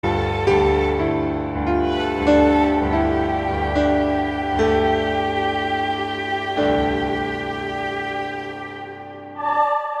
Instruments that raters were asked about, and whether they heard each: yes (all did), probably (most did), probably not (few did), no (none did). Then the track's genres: violin: yes
Ambient